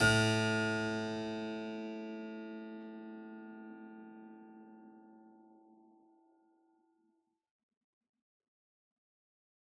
<region> pitch_keycenter=45 lokey=45 hikey=45 volume=0 trigger=attack ampeg_attack=0.004000 ampeg_release=0.400000 amp_veltrack=0 sample=Chordophones/Zithers/Harpsichord, Unk/Sustains/Harpsi4_Sus_Main_A1_rr1.wav